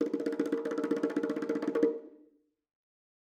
<region> pitch_keycenter=62 lokey=62 hikey=62 volume=11.066895 offset=225 lovel=84 hivel=127 ampeg_attack=0.004000 ampeg_release=0.3 sample=Membranophones/Struck Membranophones/Bongos/BongoH_Roll_v3_rr1_Mid.wav